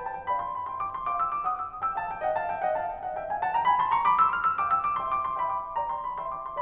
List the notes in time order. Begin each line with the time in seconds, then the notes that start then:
0.00 B4 F5 G5
0.12 A5
0.23 G5
0.37 D5 F5 B5
0.51 C6
0.63 B5
0.73 E5 G5 C6
0.85 D6
0.99 C6
1.13 F5 G5 D6
1.24 E6
1.35 D6
1.46 F#5 G5 D#6
1.57 E6
1.68 D#6
1.82 G5 E6
2.01 F5 A5
2.14 E5 G5
2.26 D#5 F#5
2.39 F5 A5
2.52 E5 G5
2.62 D#5 F#5
2.74 F5 A5
2.90 E5 G5
3.03 D5 F5
3.16 E5 G5
3.27 F5 G#5
3.41 F#5 A5
3.54 G5 A#5
3.69 G#5 B5
3.82 A5 C6
3.96 A#5 C#6
4.10 B5 D6
4.24 A5 E6
4.35 F6
4.47 E6
4.61 F5 G5 D6
4.69 E6
4.81 D6
4.97 E5 G5 C6
5.10 D6
5.26 C6
5.43 E5 G5 B5
5.54 D6
5.68 C6
5.78 D5 G5 A#5
5.90 C6
6.04 B5
6.23 E5 G5 C6
6.34 D6
6.47 C6